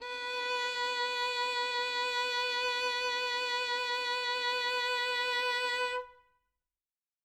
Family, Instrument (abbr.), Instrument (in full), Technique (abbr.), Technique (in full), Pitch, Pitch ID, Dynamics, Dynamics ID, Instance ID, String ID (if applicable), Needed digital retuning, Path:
Strings, Vn, Violin, ord, ordinario, B4, 71, ff, 4, 2, 3, FALSE, Strings/Violin/ordinario/Vn-ord-B4-ff-3c-N.wav